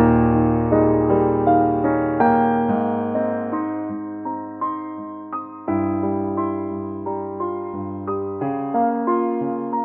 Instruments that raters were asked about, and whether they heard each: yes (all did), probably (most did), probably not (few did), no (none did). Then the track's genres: accordion: probably not
organ: yes
drums: no
piano: yes
Classical